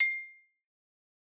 <region> pitch_keycenter=84 lokey=82 hikey=87 volume=9.663269 lovel=0 hivel=83 ampeg_attack=0.004000 ampeg_release=15.000000 sample=Idiophones/Struck Idiophones/Xylophone/Hard Mallets/Xylo_Hard_C6_pp_01_far.wav